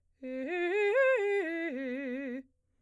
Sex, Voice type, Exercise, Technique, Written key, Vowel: female, soprano, arpeggios, fast/articulated piano, C major, e